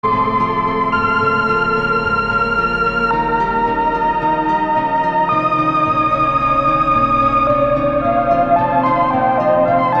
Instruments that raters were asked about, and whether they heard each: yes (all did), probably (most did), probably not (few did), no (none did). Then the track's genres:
flute: probably
Soundtrack; Ambient; Instrumental